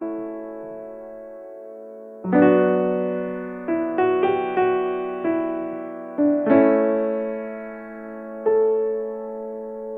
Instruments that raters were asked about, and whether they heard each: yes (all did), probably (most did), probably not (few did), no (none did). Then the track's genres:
piano: yes
Pop; Folk; Singer-Songwriter